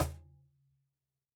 <region> pitch_keycenter=60 lokey=60 hikey=60 volume=3.694717 lovel=0 hivel=65 seq_position=2 seq_length=2 ampeg_attack=0.004000 ampeg_release=30.000000 sample=Idiophones/Struck Idiophones/Cajon/Cajon_hit1_mp_rr1.wav